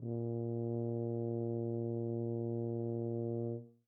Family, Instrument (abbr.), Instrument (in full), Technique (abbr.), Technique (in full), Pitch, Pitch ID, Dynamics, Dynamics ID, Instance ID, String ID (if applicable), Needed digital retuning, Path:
Brass, BTb, Bass Tuba, ord, ordinario, A#2, 46, mf, 2, 0, , TRUE, Brass/Bass_Tuba/ordinario/BTb-ord-A#2-mf-N-T29u.wav